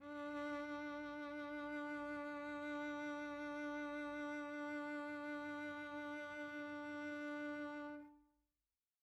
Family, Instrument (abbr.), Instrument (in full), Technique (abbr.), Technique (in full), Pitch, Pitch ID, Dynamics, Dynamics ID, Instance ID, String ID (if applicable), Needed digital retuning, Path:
Strings, Vc, Cello, ord, ordinario, D4, 62, pp, 0, 1, 2, FALSE, Strings/Violoncello/ordinario/Vc-ord-D4-pp-2c-N.wav